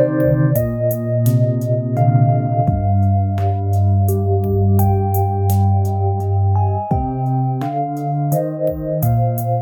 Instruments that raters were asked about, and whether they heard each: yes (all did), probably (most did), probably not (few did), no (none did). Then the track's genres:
clarinet: no
cello: no
voice: no
synthesizer: probably
Easy Listening